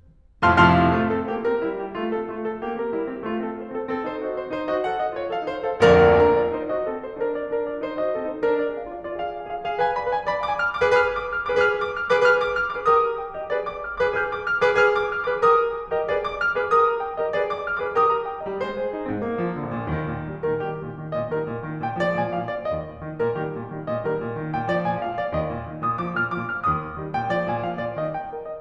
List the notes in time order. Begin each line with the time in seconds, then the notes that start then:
0.44 F2 A2 C3 F3 F5 A5 C6 F6
0.62 F2 A2 C3 F3 F5 A5 C6 F6
0.98 A3 F4
1.13 C4 A4
1.28 A#3 G4
1.47 C#4 A#4
1.63 G3 E4
1.80 A#3 G4
2.04 A3 F4
2.22 C4 A4
2.35 A3 F4
2.50 C4 A4
2.65 A#3 G4
2.79 C#4 A#4
2.95 G3 E4
3.09 A#3 G4
3.21 A3 F4
3.37 C4 A4
3.53 D#4 C5
3.70 C4 A4
3.87 C4 A4
4.07 D#4 C5
4.26 F#4 D#5
4.45 D#4 C5
4.60 D#4 C5
4.74 F#4 D#5
4.89 A4 F#5
5.02 F#4 D#5
5.18 F4 C#5
5.31 A4 F5
5.44 D#4 C5
5.67 A4 F5
5.83 A#2 D3 F3 A#3 A#4 D5 F5 A#5
6.21 D4 A#4
6.42 F4 D5
6.57 D#4 C5
6.73 F#4 D#5
6.89 C4 A4
7.04 D#4 C5
7.18 D4 A#4
7.34 F4 D5
7.49 D4 A#4
7.64 F4 D5
7.79 D#4 C5
7.98 F#4 D#5
8.15 C4 A4
8.29 D#4 C5
8.49 D4 A#4
8.63 F4 D5
8.78 G#4 F5
8.92 F4 D5
9.07 F4 D5
9.20 G#4 F5
9.37 B4 G#5
9.49 G#4 F5
9.65 G#4 F5
9.78 B4 G#5
9.96 D5 B5
10.12 B4 G#5
10.29 D5 B5
10.44 F5 D6
10.60 G#5 F6
10.75 D6
10.82 G#4 B4
10.91 G#4 B4 F6
11.07 D6
11.26 F6
11.42 D6
11.49 G#4 B4
11.56 G#4 B4 F6
11.74 D6
11.90 F6
12.05 D6
12.10 G#4 B4
12.18 G#4 B4 F6
12.36 D6
12.53 F6
12.68 D6
12.76 G#4 B4
12.86 G4 A#4 D#6
13.03 A#5
13.19 G5
13.33 D#5
13.41 G4 A#4
13.51 G#4 B4 D5
13.66 D6
13.81 F6
13.96 D6
14.03 G#4 B4
14.12 G#4 B4 F6
14.31 D6
14.45 F6
14.60 D6
14.69 G#4 B4
14.77 G#4 B4 F6
14.98 D6
15.15 F6
15.29 D6
15.37 G#4 B4
15.46 G4 A#4 D#6
15.64 A#5
15.78 G5
15.93 D#5
16.00 G4 A#4
16.08 G#4 B4 D5
16.21 D6
16.36 F6
16.52 D6
16.63 G#4 B4
16.77 G4 A#4 D#6
16.91 A#5
17.05 G5
17.19 D#5
17.26 G4 A#4
17.30 G#4 B4 D5
17.44 D6
17.58 F6
17.75 D6
17.84 G#4 B4
17.89 G4 A#4 D#6
18.09 A#5
18.24 G5
18.38 D#5
18.45 G3
18.54 G#3 C5
18.73 G#4
18.89 D#4
19.04 C4
19.14 G#2
19.22 A#2 A#3
19.38 F3
19.59 D3
19.78 A#2
19.89 A#1
19.98 D#2 D#3
20.15 A#2 D#3
20.33 D#3 G3
20.48 A#2 D#3 A#4
20.65 D#3 G3 G4
20.83 A#2 D#3
20.98 D#3 G3
21.16 A#2 D#3 D#5
21.31 D#3 G3 A#4
21.45 A#2 D#3
21.63 D#3 G3
21.83 A#2 D#3 G5
21.98 F3 G#3 D5
22.16 A#2 F3 G#5
22.32 F3 G#3 F5
22.50 A#2 F3 D5
22.69 D#2 D#5
22.89 A#2 D#3
23.06 D#3 G3
23.20 A#2 D#3 A#4
23.36 D#3 G3 G4
23.57 A#2 D#3
23.73 D#3 G3
23.92 A#2 D#3 D#5
24.08 D#3 G3 A#4
24.23 A#2 D#3
24.40 D#3 G3
24.56 A#2 D#3 G5
24.71 F3 G#3 D5
24.90 A#2 F3 G#5
25.07 F3 G#3 F5
25.22 A#2 F3 D5
25.38 D#3 G3 D#5
25.55 A#2 D#3
25.71 D#3 G3
25.89 A#2 D#3 G6
26.03 F3 G#3 D6
26.16 A#2 F3 G#6
26.35 F3 G#3 F6
26.50 A#2 F3 D6
26.67 D#3 G3 D#6
26.83 A#2 D#3
26.98 D#3 G3
27.15 A#2 D#3 G5
27.32 F3 G#3 D5
27.48 A#2 F3 G#5
27.64 F3 G#3 F5
27.80 A#2 F3 D5
27.97 D#3 G3 D#5
28.13 G5
28.31 A#4
28.47 D#5